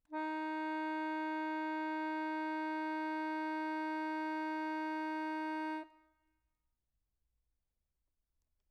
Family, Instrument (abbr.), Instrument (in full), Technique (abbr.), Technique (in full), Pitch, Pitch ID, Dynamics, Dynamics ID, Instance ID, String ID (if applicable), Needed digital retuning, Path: Keyboards, Acc, Accordion, ord, ordinario, D#4, 63, mf, 2, 4, , FALSE, Keyboards/Accordion/ordinario/Acc-ord-D#4-mf-alt4-N.wav